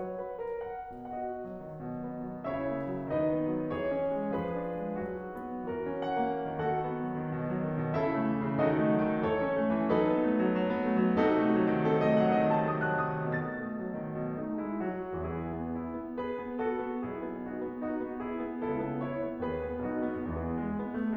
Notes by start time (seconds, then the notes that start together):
0.00 F#3 C#5
0.16 B4
0.42 A#4
0.67 F#5
1.03 B2 F#4 D#5 F#5
1.37 F#3
1.60 D#3
1.81 B2
2.03 B3
2.29 F#3
2.45 C#3 E4 C#5 E5
2.64 A#3
2.87 F#3
3.08 D#3 D#4 B4 D#5
3.32 B3
3.56 F#3
3.74 E3 G#4 C#5
3.96 C#4
4.13 G#3
4.41 F3 G#4 B4
4.67 D4
4.88 G#3
5.04 F#3 F#4
5.28 D#4
5.53 B3
5.67 E3 F#4 A#4
5.92 C#4
6.07 F#5
6.19 A#3
6.51 D#3 F#4 A4 F#5
6.70 B3
6.88 F#3
7.07 D#3
7.24 B2
7.41 F#3
7.64 D#3
7.83 B2
7.96 C#3 E4 A4 E5
8.10 A3
8.27 E3
8.44 C#3
8.63 D#3 D#4 F#4 A4 D#5
8.77 B3
8.92 F#3
9.07 D#3
9.22 E3 A4 C#5
9.40 C#4
9.54 A3
9.72 E3
9.89 F#3 D#4 A4 B4
10.07 B3
10.21 A3
10.38 F#3
10.54 F#3
10.68 B3
10.84 A3
11.01 F#3
11.18 C3 D#4 F#4 A4
11.35 A3
11.53 F#3
11.69 D#3
11.87 C3 A4
12.03 A3 D#5
12.19 F#3 F#5
12.38 D#3 D#5
12.55 C3 A5
12.75 A3 D#6
12.97 F#3 F#6
13.17 D#3 D#6
13.40 B2 A6
13.61 A3
13.80 F#3
14.00 D#3
14.21 B2
14.40 A3 D#4
14.62 G#3 E4
14.86 F#3 F#4
15.19 E2 E3 E4 G#4
15.50 B3
15.79 E4
15.99 B3
16.21 G#4 B4
16.39 B3
16.57 F#4 A4
16.76 B3
17.02 B1 B2 E4 G#4
17.25 B3
17.46 D#4 F#4
17.64 B3
17.81 D#4 F#4
18.00 B3
18.23 E4 G#4
18.43 B3
18.65 C#2 C#3 E4 A4
18.81 B3
18.98 E4 C#5
19.21 B3
19.40 D#2 D#3 F#4 B4
19.64 B3
19.85 B1 B2 D#4 F#4
20.09 B3
20.32 E2 E3 B3 E4 G#4
20.53 G#3
20.76 B3
20.93 A3